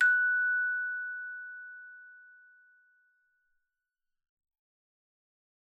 <region> pitch_keycenter=90 lokey=90 hikey=91 tune=-6 volume=6.663557 offset=116 ampeg_attack=0.004000 ampeg_release=30.000000 sample=Idiophones/Struck Idiophones/Hand Chimes/sus_F#5_r01_main.wav